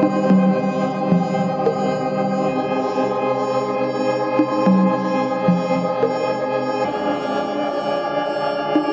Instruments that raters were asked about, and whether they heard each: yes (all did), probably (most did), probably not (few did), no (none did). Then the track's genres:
accordion: no
organ: yes
Electronic; IDM; Downtempo